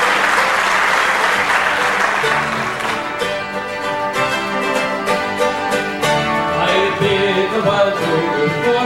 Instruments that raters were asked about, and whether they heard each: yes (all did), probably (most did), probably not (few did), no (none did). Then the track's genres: accordion: probably
mandolin: probably
banjo: probably
ukulele: probably
Celtic; Choral Music